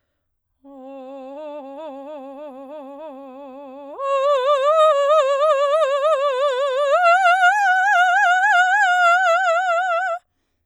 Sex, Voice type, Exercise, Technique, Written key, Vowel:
female, soprano, long tones, trill (upper semitone), , o